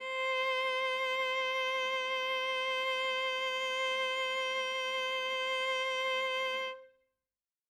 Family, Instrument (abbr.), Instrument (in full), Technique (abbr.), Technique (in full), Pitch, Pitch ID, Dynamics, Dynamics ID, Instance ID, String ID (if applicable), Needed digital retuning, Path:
Strings, Va, Viola, ord, ordinario, C5, 72, ff, 4, 1, 2, FALSE, Strings/Viola/ordinario/Va-ord-C5-ff-2c-N.wav